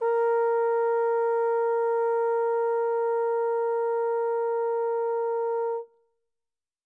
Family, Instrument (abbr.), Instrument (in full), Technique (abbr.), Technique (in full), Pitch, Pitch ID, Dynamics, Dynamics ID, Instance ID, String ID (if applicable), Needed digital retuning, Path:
Brass, Tbn, Trombone, ord, ordinario, A#4, 70, pp, 0, 0, , FALSE, Brass/Trombone/ordinario/Tbn-ord-A#4-pp-N-N.wav